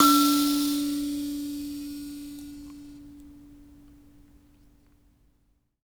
<region> pitch_keycenter=62 lokey=62 hikey=62 tune=32 volume=-1.345018 ampeg_attack=0.004000 ampeg_release=15.000000 sample=Idiophones/Plucked Idiophones/Mbira Mavembe (Gandanga), Zimbabwe, Low G/Mbira5_Normal_MainSpirit_D3_k11_vl2_rr1.wav